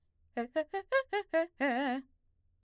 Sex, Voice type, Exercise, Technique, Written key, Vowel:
female, mezzo-soprano, arpeggios, fast/articulated forte, C major, e